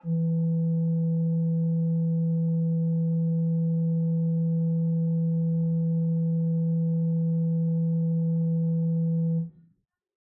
<region> pitch_keycenter=52 lokey=52 hikey=53 offset=286 ampeg_attack=0.004000 ampeg_release=0.300000 amp_veltrack=0 sample=Aerophones/Edge-blown Aerophones/Renaissance Organ/8'/RenOrgan_8foot_Room_E2_rr1.wav